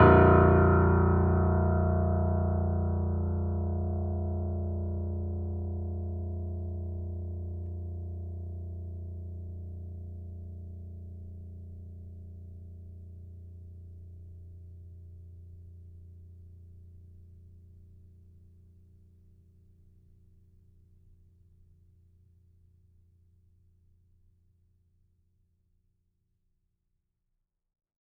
<region> pitch_keycenter=22 lokey=21 hikey=23 volume=-0.778387 lovel=100 hivel=127 locc64=0 hicc64=64 ampeg_attack=0.004000 ampeg_release=0.400000 sample=Chordophones/Zithers/Grand Piano, Steinway B/NoSus/Piano_NoSus_Close_A#0_vl4_rr1.wav